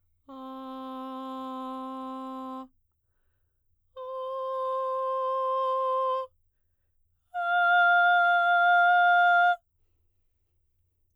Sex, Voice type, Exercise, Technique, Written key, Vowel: female, soprano, long tones, straight tone, , a